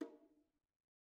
<region> pitch_keycenter=60 lokey=60 hikey=60 volume=28.343337 offset=237 lovel=0 hivel=65 seq_position=2 seq_length=2 ampeg_attack=0.004000 ampeg_release=15.000000 sample=Membranophones/Struck Membranophones/Bongos/BongoH_Hit1_v1_rr2_Mid.wav